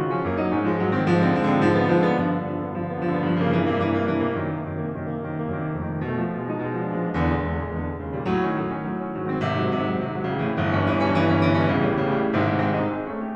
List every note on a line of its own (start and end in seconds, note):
0.00 0.12 C#3
0.00 0.12 F4
0.13 0.22 F3
0.13 0.22 C#4
0.22 0.43 F#2
0.22 0.43 A#3
0.43 0.53 F#3
0.43 0.53 D#4
0.55 0.65 G#2
0.55 0.65 C#4
0.65 0.79 F3
0.65 0.79 G#3
0.79 0.88 G#2
0.79 0.88 F#3
0.88 1.11 D#3
0.88 1.11 C4
1.11 1.32 G#2
1.11 1.32 F3
1.34 1.46 D3
1.34 1.46 C4
1.46 1.65 G#2
1.46 1.65 F3
1.65 1.80 D3
1.65 1.80 B3
1.81 1.97 G#2
1.81 1.97 F3
1.97 2.07 D3
1.97 2.07 B3
2.08 2.21 G#2
2.08 2.21 F3
2.21 2.32 D3
2.21 2.32 B3
2.32 2.45 G2
2.32 2.45 F3
2.46 2.55 D3
2.46 2.55 B3
2.55 2.66 G2
2.55 2.66 F3
2.67 2.79 D3
2.67 2.79 B3
2.79 2.90 G2
2.79 2.90 F3
2.90 3.00 D3
2.90 3.00 B3
3.01 3.10 G2
3.01 3.10 F3
3.10 3.25 D3
3.10 3.25 B3
3.25 3.37 G2
3.25 3.37 F3
3.38 3.48 C#3
3.38 3.48 A#3
3.48 3.61 G2
3.48 3.61 E3
3.62 3.74 C3
3.62 3.74 A#3
3.74 3.91 G2
3.74 3.91 E3
3.91 4.05 C3
3.91 4.05 A#3
4.08 4.19 G2
4.08 4.19 E3
4.19 4.32 C3
4.19 4.32 A#3
4.33 4.48 F#2
4.33 4.48 D#3
4.48 4.59 C3
4.48 4.59 A#3
4.59 4.82 F#2
4.59 4.82 D#3
4.83 4.96 C3
4.83 4.96 A#3
4.96 5.07 F#2
4.96 5.07 D#3
5.07 5.25 C3
5.07 5.25 A#3
5.25 5.39 F#2
5.25 5.39 D#3
5.39 5.53 C3
5.39 5.53 A#3
5.55 5.64 F#2
5.55 5.64 D#3
5.64 5.79 C3
5.64 5.79 A#3
5.79 5.90 F2
5.79 5.90 D#3
5.91 6.03 C3
5.91 6.03 A3
6.03 6.16 B2
6.03 6.16 G#3
6.18 6.32 F3
6.18 6.32 D#4
6.32 6.43 B2
6.32 6.43 G#3
6.43 6.56 F3
6.43 6.56 D#4
6.57 6.68 B2
6.57 6.68 G#3
6.68 6.77 F3
6.68 6.77 D#4
6.79 6.88 A#2
6.79 6.88 G#3
6.88 6.99 F3
6.88 6.99 D4
6.99 7.11 E2
6.99 7.11 C#3
7.12 7.22 A#2
7.12 7.22 G#3
7.22 7.38 E2
7.22 7.38 C#3
7.38 7.48 A#2
7.38 7.48 G#3
7.50 7.89 E2
7.50 7.89 D3
7.89 7.99 A#2
7.89 7.99 G#3
8.00 8.10 D#2
8.00 8.10 D3
8.10 8.29 A#2
8.10 8.29 G3
8.29 8.51 A2
8.29 8.51 F#3
8.52 8.63 D#3
8.52 8.63 D4
8.63 8.77 A2
8.63 8.77 F#3
8.78 8.88 D#3
8.78 8.88 D4
8.88 9.01 A2
8.88 9.01 F#3
9.01 9.13 D#3
9.01 9.13 D4
9.15 9.29 G#2
9.15 9.29 F#3
9.29 9.44 D#3
9.29 9.44 C4
9.44 9.74 G#1
9.44 9.74 C3
9.75 9.85 G#2
9.75 9.85 F#3
9.85 9.94 G#1
9.85 9.94 C3
9.95 10.07 G#2
9.95 10.07 F#3
10.07 10.22 G#1
10.07 10.22 C3
10.22 10.33 G#2
10.22 10.33 F#3
10.34 10.44 A1
10.34 10.44 D3
10.44 10.58 A2
10.44 10.58 E3
10.59 10.68 G1
10.59 10.68 E3
10.68 10.82 G2
10.68 10.82 C#4
10.82 10.97 G1
10.82 10.97 E3
10.98 11.15 G2
10.98 11.15 C#4
11.15 11.34 G1
11.15 11.34 E3
11.34 11.46 G2
11.34 11.46 C#4
11.46 11.59 G1
11.46 11.59 E3
11.59 11.76 G2
11.59 11.76 C#4
11.78 11.88 A1
11.78 11.88 D3
11.88 12.11 A2
11.88 12.11 G3
12.11 12.21 A1
12.11 12.21 D3
12.23 12.38 A2
12.23 12.38 G3
12.38 12.76 G#2
12.38 12.55 C3
12.38 12.55 G#3
12.60 12.76 C4
12.76 12.95 D#4
12.95 13.08 G#4
13.10 13.35 A3
13.10 13.24 C#4
13.24 13.35 G4